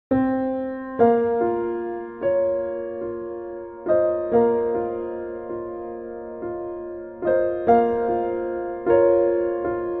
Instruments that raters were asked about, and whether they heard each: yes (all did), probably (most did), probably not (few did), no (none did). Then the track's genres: piano: yes
Soundtrack; Ambient Electronic; Unclassifiable